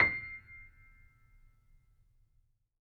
<region> pitch_keycenter=96 lokey=96 hikey=97 volume=0.321511 lovel=66 hivel=99 locc64=0 hicc64=64 ampeg_attack=0.004000 ampeg_release=0.400000 sample=Chordophones/Zithers/Grand Piano, Steinway B/NoSus/Piano_NoSus_Close_C7_vl3_rr1.wav